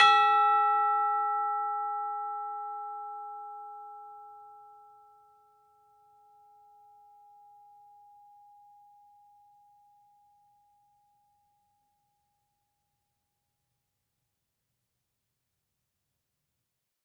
<region> pitch_keycenter=76 lokey=76 hikey=76 volume=7.046540 lovel=84 hivel=127 ampeg_attack=0.004000 ampeg_release=30.000000 sample=Idiophones/Struck Idiophones/Tubular Bells 2/TB_hit_E5_v4_2.wav